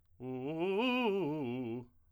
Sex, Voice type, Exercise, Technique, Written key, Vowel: male, tenor, arpeggios, fast/articulated forte, C major, u